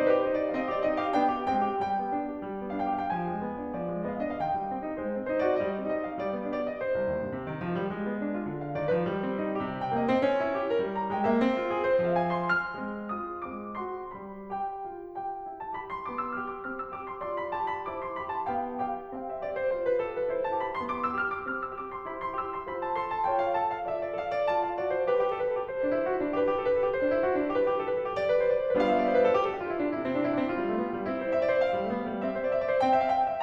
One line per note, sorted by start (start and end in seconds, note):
0.00 0.07 D#4
0.00 0.07 C5
0.07 0.23 G4
0.07 0.23 B4
0.23 0.39 D#4
0.23 0.39 C5
0.39 0.55 D4
0.39 0.55 D5
0.55 0.67 C4
0.55 0.67 D#5
0.55 0.58 F5
0.68 0.84 G4
0.68 0.84 D5
0.85 1.00 C4
0.85 1.00 D#4
0.85 1.00 D#5
1.01 1.15 G4
1.01 1.15 F5
1.15 1.32 B3
1.15 1.32 D4
1.15 1.46 G5
1.32 1.46 G4
1.46 1.66 G#3
1.46 1.66 C4
1.46 1.86 G5
1.66 1.86 G4
1.86 2.02 G3
1.86 2.76 G5
2.02 2.15 B3
2.15 2.29 D4
2.29 2.46 G4
2.46 2.61 G3
2.62 2.76 B3
2.77 2.94 D4
2.77 2.94 F5
2.95 3.09 G4
2.95 3.09 G5
3.10 3.27 F3
3.10 3.18 F5
3.18 3.27 G5
3.27 3.42 G#3
3.27 3.75 G#5
3.42 3.59 B3
3.59 3.75 D4
3.75 3.92 F3
3.75 4.05 D5
3.92 4.05 G#3
4.05 4.21 B3
4.05 4.21 D#5
4.21 4.35 D4
4.21 4.35 F5
4.35 4.50 D#3
4.35 4.42 D#5
4.42 4.50 F5
4.50 4.64 G#3
4.50 4.97 G5
4.66 4.81 C4
4.82 4.97 D#4
4.98 5.12 G#3
4.98 5.31 C5
5.12 5.31 C4
5.31 5.51 D#4
5.31 5.51 C5
5.51 5.65 F#4
5.51 5.65 D5
5.65 5.77 G3
5.65 5.92 D#5
5.77 5.92 C4
5.92 6.07 D#4
5.92 6.07 D#5
6.07 6.23 G4
6.07 6.23 F5
6.23 6.40 G3
6.23 6.56 D5
6.40 6.56 B3
6.57 6.70 D4
6.57 6.70 D5
6.71 6.84 G4
6.71 6.84 D#5
6.85 7.13 C5
6.99 7.13 C2
7.13 7.24 D#2
7.24 7.36 G2
7.36 7.48 C3
7.48 7.60 D#3
7.60 7.76 F3
7.76 7.88 G3
7.88 8.46 G#3
8.03 8.21 B3
8.21 8.32 D4
8.34 8.46 F4
8.48 8.74 D3
8.61 8.74 F5
8.74 8.92 D#3
8.74 8.92 D5
8.92 9.06 F3
8.92 9.06 B4
9.06 9.65 G3
9.21 9.33 C4
9.33 9.50 D#4
9.50 9.65 G4
9.65 9.97 C3
9.82 9.97 G5
9.97 10.09 A#3
9.97 10.09 D#5
10.10 10.25 C4
10.10 10.25 C5
10.26 10.81 C#4
10.41 10.53 D#4
10.54 10.68 G4
10.68 10.81 A#4
10.81 11.15 G3
10.98 11.15 A#5
11.15 11.25 G#3
11.15 11.25 G5
11.25 11.40 A#3
11.25 11.40 D#5
11.40 11.97 C4
11.54 11.67 F4
11.67 11.83 G#4
11.83 11.97 C5
11.98 12.38 F3
11.98 12.16 F5
12.17 12.38 G#5
12.39 12.61 C6
12.61 13.12 F6
12.76 13.43 G#3
12.76 13.12 C4
13.12 13.43 F4
13.12 13.43 D#6
13.43 14.15 G#3
13.43 13.73 C4
13.43 13.73 D6
13.73 14.15 F#4
13.73 14.15 C6
14.16 14.51 G3
14.16 14.51 B5
14.52 14.83 G4
14.52 15.15 G5
14.83 15.15 F4
15.15 15.46 G4
15.15 15.59 G5
15.46 15.74 E4
15.59 15.74 A5
15.74 16.10 G4
15.74 15.91 B5
15.91 16.10 C6
16.10 16.39 B3
16.10 16.27 D6
16.28 16.39 E6
16.40 16.63 G4
16.40 16.50 F6
16.50 16.63 D6
16.63 16.93 C4
16.63 16.78 F6
16.78 16.93 E6
16.93 17.23 G4
16.93 17.09 D6
17.09 17.23 C6
17.23 17.50 F4
17.23 17.83 D5
17.23 17.35 C6
17.35 17.50 B5
17.50 17.83 G4
17.50 17.67 A5
17.67 17.83 B5
17.83 18.17 E4
17.83 18.45 C5
17.83 18.01 D6
18.02 18.17 C6
18.18 18.45 G4
18.18 18.29 B5
18.30 18.45 A5
18.46 18.77 B3
18.46 18.77 F5
18.46 18.77 G5
18.77 19.13 G4
18.77 19.13 F5
18.77 19.13 G5
19.13 19.44 C4
19.13 19.28 F5
19.13 20.41 G5
19.28 19.44 E5
19.44 19.73 G4
19.44 19.56 D5
19.56 19.73 C5
19.73 20.03 F4
19.73 19.90 C5
19.90 20.03 B4
20.04 20.31 G4
20.04 20.17 A4
20.17 20.31 B4
20.32 20.61 E4
20.32 20.41 C5
20.41 20.61 A5
20.61 20.84 G4
20.61 20.71 B5
20.71 20.84 C6
20.84 21.15 B3
20.84 21.00 D6
21.00 21.15 E6
21.15 21.47 G4
21.15 21.33 F6
21.33 21.47 D6
21.47 21.73 C4
21.47 21.62 F6
21.62 21.73 E6
21.75 22.02 G4
21.75 21.88 D6
21.88 22.02 C6
22.04 22.65 E4
22.04 22.33 C5
22.04 22.19 B5
22.20 22.33 C6
22.33 22.65 G4
22.33 22.50 E6
22.50 22.65 C6
22.65 23.28 F4
22.65 22.93 C5
22.65 22.79 B5
22.79 22.93 A5
22.93 23.28 A4
22.93 23.10 C6
23.10 23.28 A5
23.28 23.86 F4
23.28 23.57 C#5
23.28 23.43 G5
23.43 23.57 F5
23.57 23.86 A4
23.57 23.67 A5
23.70 23.86 F5
23.87 24.16 F4
23.87 24.16 D5
23.87 24.01 E5
24.02 24.16 D5
24.16 24.47 A4
24.16 24.33 F5
24.33 24.47 D5
24.47 24.79 F4
24.47 24.62 A5
24.62 24.79 F5
24.79 25.14 F#4
24.79 24.97 D5
24.97 25.14 C5
25.14 25.31 G4
25.14 25.25 B4
25.26 25.36 G4
25.36 25.45 A4
25.45 25.54 B4
25.54 25.63 A4
25.63 25.73 G4
25.74 26.31 C5
25.81 25.93 D4
25.93 26.03 E4
26.04 26.12 F#4
26.12 26.22 E4
26.23 26.31 D4
26.31 26.45 G4
26.31 26.40 B4
26.40 26.49 G4
26.51 26.59 A4
26.59 26.68 B4
26.68 26.77 A4
26.77 26.90 G4
26.90 27.48 C5
27.00 27.09 D4
27.09 27.19 E4
27.19 27.28 F#4
27.28 27.39 E4
27.39 27.48 D4
27.49 27.71 G4
27.49 27.67 B4
27.67 27.76 G4
27.76 27.83 A4
27.84 27.97 B4
27.97 28.06 A4
28.07 28.18 G4
28.18 28.47 G4
28.18 28.27 D5
28.27 28.36 B4
28.37 28.47 C5
28.47 28.57 D5
28.57 28.67 C5
28.67 28.78 B4
28.78 29.09 G3
28.78 29.09 B3
28.78 29.09 D4
28.78 29.09 F4
28.78 28.89 F5
28.90 28.99 E5
28.99 29.09 D5
29.09 29.18 C5
29.19 29.28 B4
29.28 29.36 A4
29.37 29.47 G4
29.47 29.55 A4
29.55 29.62 G4
29.63 29.72 F4
29.72 29.84 E4
29.84 29.95 D4
29.95 30.23 C3
29.95 30.05 E4
30.05 30.14 C4
30.15 30.23 D4
30.23 30.34 E4
30.34 30.41 D4
30.41 30.49 C4
30.49 31.08 F4
30.58 30.67 G3
30.67 30.78 A3
30.78 30.87 B3
30.88 30.98 A3
30.98 31.08 G3
31.08 31.35 C4
31.08 31.17 E4
31.17 31.25 C5
31.25 31.35 D5
31.36 31.45 E5
31.45 31.56 D5
31.56 31.64 C5
31.64 32.19 F5
31.76 31.82 G3
31.83 31.92 A3
31.92 32.01 B3
32.01 32.09 A3
32.10 32.19 G3
32.19 32.53 C4
32.19 32.32 E5
32.33 32.43 C5
32.43 32.53 D5
32.53 32.62 E5
32.64 32.73 D5
32.73 32.81 C5
32.81 33.12 C4
32.81 32.93 G5
32.93 33.04 E5
33.04 33.12 F5
33.13 33.24 G5
33.24 33.33 F5
33.33 33.43 E5